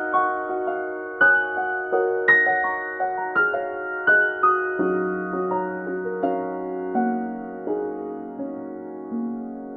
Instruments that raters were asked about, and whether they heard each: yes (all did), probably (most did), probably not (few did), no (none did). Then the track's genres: mallet percussion: probably not
piano: yes
organ: no
bass: no
guitar: no
Contemporary Classical; Instrumental